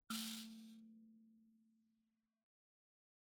<region> pitch_keycenter=57 lokey=57 hikey=58 volume=22.513399 offset=4396 ampeg_attack=0.004000 ampeg_release=30.000000 sample=Idiophones/Plucked Idiophones/Mbira dzaVadzimu Nyamaropa, Zimbabwe, Low B/MBira4_pluck_Main_A2_4_50_100_rr2.wav